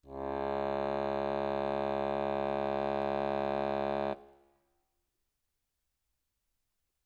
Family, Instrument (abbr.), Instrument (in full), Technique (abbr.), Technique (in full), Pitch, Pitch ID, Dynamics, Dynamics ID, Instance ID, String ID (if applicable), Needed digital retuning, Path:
Keyboards, Acc, Accordion, ord, ordinario, C#2, 37, ff, 4, 0, , TRUE, Keyboards/Accordion/ordinario/Acc-ord-C#2-ff-N-T12u.wav